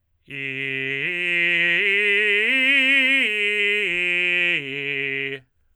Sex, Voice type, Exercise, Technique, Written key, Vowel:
male, tenor, arpeggios, belt, , i